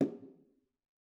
<region> pitch_keycenter=64 lokey=64 hikey=64 volume=17.323109 offset=216 lovel=66 hivel=99 seq_position=2 seq_length=2 ampeg_attack=0.004000 ampeg_release=15.000000 sample=Membranophones/Struck Membranophones/Bongos/BongoL_HitMuted2_v2_rr2_Mid.wav